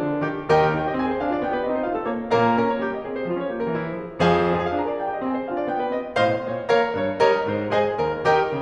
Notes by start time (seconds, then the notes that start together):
0.00 A#3 D4
0.14 D3 A#4
0.23 D#3 G4
0.51 D#2 D#3 G4 A#4 D#5 G5
0.82 D#4 G5
0.91 G4 D#5
1.00 C4 G#5
1.09 G#4 C5
1.21 D4 F5
1.35 F4 D5
1.44 B3 G5
1.53 G4 B4
1.64 C4 D#5
1.73 D#4 C5
1.83 A3 F5
1.92 F4 A4
2.07 A#3 C#5
2.30 A#2 A#3 A#4 C#5 F5 A#5
2.51 C#4 A#4
2.62 A#3 C#5
2.83 D#4 G4
2.97 G3 D#5
3.07 C4 G#4
3.18 G#3 C5
3.31 C#4 F4
3.41 F3 C#5
3.53 A#3 G4
3.65 G3 A#4
3.77 C4 E4
3.87 E3 C5
3.99 F3 G#4
4.21 F2 F3 G#4 C5 F5 G#5
4.47 F4 G#5
4.63 G#4 F5
4.74 D4 A#5
4.93 A#4 D5
5.06 D#4 G5
5.19 G4 D#5
5.29 C4 G#5
5.38 G#4 C5
5.48 D4 F5
5.60 F4 D5
5.70 B3 G5
5.86 G4 B4
5.96 C4 D#5
6.18 G#2 C5 D#5 F5 C6
6.44 A#2 C#5
6.71 A#3 A#4 C#5 F5 A#5
6.91 G2 C#5
7.20 G3 A#4 C#5 D#5 A#5
7.40 G#2 C5
7.72 G#3 G#4 C5 D#5 G#5
7.98 D#2 A#4
8.27 D#3 G4 A#4 D#5 G5
8.50 C#3